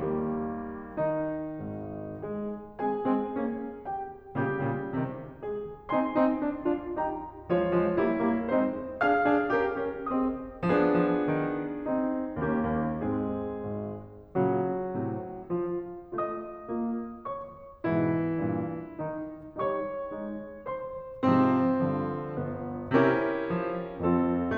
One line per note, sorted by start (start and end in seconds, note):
0.01 0.97 D#3
0.01 0.97 G3
0.01 0.97 A#3
0.98 2.20 D#3
0.98 2.20 D#4
1.63 2.20 G#1
1.63 2.20 G#2
2.21 2.79 G#3
2.21 2.79 G#4
2.80 3.04 G#3
2.80 3.04 C4
2.80 3.86 G#4
2.80 3.86 G#5
3.06 3.33 G#3
3.06 3.33 C4
3.40 3.86 A#3
3.40 3.86 C#4
3.86 4.34 G4
3.86 4.34 G5
4.35 4.60 A#2
4.35 4.60 C#3
4.35 5.44 G3
4.35 5.44 G4
4.61 4.96 A#2
4.61 4.96 C#3
4.96 5.44 C3
4.96 5.44 D#3
5.45 5.93 G#3
5.45 5.93 G#4
5.93 6.17 C4
5.93 6.17 D#4
5.93 6.96 G#5
5.93 6.96 C6
6.17 6.43 C4
6.17 6.43 D#4
6.44 6.65 D4
6.44 6.65 F4
6.66 6.96 D4
6.66 6.96 F4
7.00 7.45 D#4
7.00 7.45 G4
7.00 7.45 G5
7.00 7.45 A#5
7.46 7.62 F3
7.46 7.62 G#3
7.46 7.95 F4
7.46 8.53 C#5
7.65 7.95 F3
7.65 7.95 G#3
7.96 8.23 G3
7.96 8.23 A#3
7.96 8.53 E4
8.23 8.53 G3
8.23 8.53 A#3
8.55 8.95 G#3
8.55 8.95 C4
8.55 8.95 D#4
8.55 8.95 C5
8.96 9.25 D4
8.96 9.25 G#4
8.96 10.06 F5
8.96 10.06 F6
9.26 9.53 D4
9.26 9.53 G#4
9.53 9.79 C#4
9.53 9.79 G4
9.53 9.79 A#4
9.80 10.06 C#4
9.80 10.06 G4
9.80 10.06 A#4
10.07 10.62 C4
10.07 10.62 G#4
10.07 10.62 C5
10.07 10.62 D#5
10.07 10.62 D#6
10.63 11.07 F3
10.63 11.87 B3
10.63 11.87 D4
10.63 12.36 G#4
11.08 11.34 F3
11.34 11.87 D#3
11.89 12.36 C4
11.89 12.36 D#4
12.38 12.71 D#2
12.38 13.06 A#3
12.38 13.06 C#4
12.38 13.06 G4
12.72 13.06 D#2
13.07 13.66 G#2
13.07 13.66 G#3
13.07 13.66 C4
13.07 13.66 G#4
13.67 14.34 G#1
14.36 15.03 A#2
14.36 15.03 C#3
14.36 15.53 F#3
14.36 15.53 F#4
15.04 15.53 A2
15.04 15.53 C3
15.57 16.06 F3
15.57 16.06 F4
16.07 16.70 A3
16.07 16.70 F4
16.07 17.25 D#5
16.07 17.25 D#6
16.70 17.25 A#3
16.70 17.25 F4
17.26 17.89 C#5
17.26 17.89 C#6
17.89 18.42 G#2
17.89 18.42 B2
17.89 18.98 E3
17.89 18.98 E4
18.43 18.98 G2
18.43 18.98 A#2
18.98 19.59 D#3
18.98 19.59 D#4
19.60 20.11 G3
19.60 20.11 D#4
19.60 20.67 C#5
19.60 20.67 C#6
20.13 20.67 G#3
20.13 20.67 D#4
20.68 21.31 C5
20.68 21.31 C6
21.32 21.82 G#2
21.32 21.82 C3
21.32 21.82 F3
21.32 22.47 C4
21.91 22.47 G2
21.91 22.94 D3
21.91 22.94 F3
22.48 22.94 G1
22.48 22.94 B3
22.94 23.45 C3
22.94 23.98 C#4
22.94 23.98 E4
22.94 23.98 G4
22.94 23.98 A#4
23.46 23.98 F3
23.98 24.56 F2
23.98 24.56 C4
23.98 24.56 F4
23.98 24.56 A4